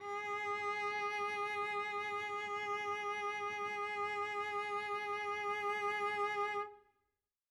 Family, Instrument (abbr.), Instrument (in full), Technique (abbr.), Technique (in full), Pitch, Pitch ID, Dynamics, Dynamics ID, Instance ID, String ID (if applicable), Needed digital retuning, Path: Strings, Vc, Cello, ord, ordinario, G#4, 68, mf, 2, 1, 2, FALSE, Strings/Violoncello/ordinario/Vc-ord-G#4-mf-2c-N.wav